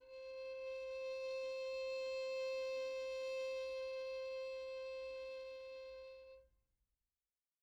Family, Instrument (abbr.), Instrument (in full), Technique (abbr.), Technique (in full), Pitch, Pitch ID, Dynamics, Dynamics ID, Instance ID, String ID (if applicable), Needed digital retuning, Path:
Strings, Vn, Violin, ord, ordinario, C5, 72, pp, 0, 1, 2, FALSE, Strings/Violin/ordinario/Vn-ord-C5-pp-2c-N.wav